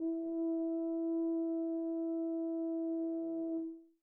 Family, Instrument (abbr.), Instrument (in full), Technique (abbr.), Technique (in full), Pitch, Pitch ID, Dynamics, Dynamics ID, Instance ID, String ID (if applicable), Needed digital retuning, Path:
Brass, BTb, Bass Tuba, ord, ordinario, E4, 64, mf, 2, 0, , TRUE, Brass/Bass_Tuba/ordinario/BTb-ord-E4-mf-N-T11d.wav